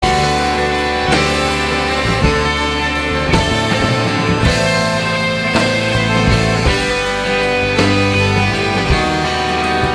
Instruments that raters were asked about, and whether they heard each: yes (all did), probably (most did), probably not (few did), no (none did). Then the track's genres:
trumpet: no
trombone: no
saxophone: probably
accordion: probably not
Rock; Folk; Singer-Songwriter